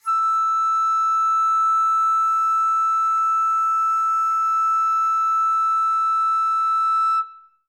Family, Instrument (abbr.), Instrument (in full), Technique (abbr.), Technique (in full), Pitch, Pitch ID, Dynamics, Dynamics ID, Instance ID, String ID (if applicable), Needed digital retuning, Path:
Winds, Fl, Flute, ord, ordinario, E6, 88, ff, 4, 0, , TRUE, Winds/Flute/ordinario/Fl-ord-E6-ff-N-T25d.wav